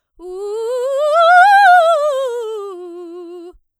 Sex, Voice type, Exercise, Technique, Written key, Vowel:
female, soprano, scales, fast/articulated forte, F major, u